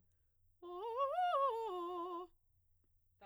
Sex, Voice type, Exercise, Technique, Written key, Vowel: female, soprano, arpeggios, fast/articulated piano, F major, o